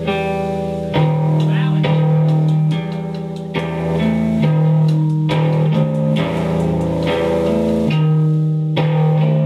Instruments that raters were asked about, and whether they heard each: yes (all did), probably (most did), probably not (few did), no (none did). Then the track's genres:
bass: probably
flute: no
trumpet: no
clarinet: probably not
Loud-Rock; Experimental Pop